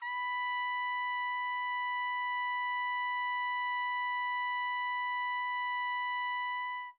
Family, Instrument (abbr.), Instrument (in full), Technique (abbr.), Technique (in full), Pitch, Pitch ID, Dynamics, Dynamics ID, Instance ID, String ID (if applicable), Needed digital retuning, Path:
Brass, TpC, Trumpet in C, ord, ordinario, B5, 83, mf, 2, 0, , TRUE, Brass/Trumpet_C/ordinario/TpC-ord-B5-mf-N-T13u.wav